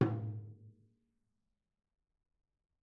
<region> pitch_keycenter=62 lokey=62 hikey=62 volume=14.775702 offset=281 lovel=66 hivel=99 seq_position=1 seq_length=2 ampeg_attack=0.004000 ampeg_release=30.000000 sample=Membranophones/Struck Membranophones/Tom 1/Mallet/TomH_HitM_v3_rr1_Mid.wav